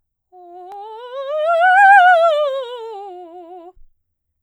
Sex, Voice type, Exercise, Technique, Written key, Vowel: female, soprano, scales, fast/articulated piano, F major, o